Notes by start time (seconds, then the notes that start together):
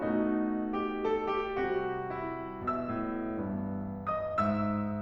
0.00 B2 A3 D#4 F#4
0.74 G4
1.08 A4
1.35 G4
1.54 C3 G3 F#4
2.11 E4
2.58 B2 E5 E6
3.10 A2
3.36 G2 E3 B3
4.05 D#5 D#6
4.31 G#2 E5 E6